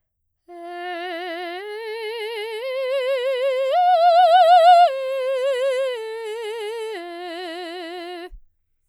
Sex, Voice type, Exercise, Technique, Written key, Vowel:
female, soprano, arpeggios, slow/legato piano, F major, e